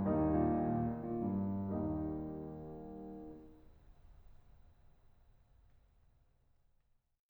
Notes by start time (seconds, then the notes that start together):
0.00 D#2 G3 A#3 D#4
0.15 G2
0.28 A#2
0.43 D#3
0.57 A#2
0.75 D#3
0.93 A#2
1.09 G2
1.70 D#2 G3 A#3 D#4